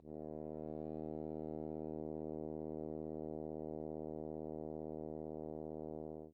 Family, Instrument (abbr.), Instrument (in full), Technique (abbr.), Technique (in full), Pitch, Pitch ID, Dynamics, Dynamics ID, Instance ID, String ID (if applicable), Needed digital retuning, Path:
Brass, Hn, French Horn, ord, ordinario, D#2, 39, mf, 2, 0, , FALSE, Brass/Horn/ordinario/Hn-ord-D#2-mf-N-N.wav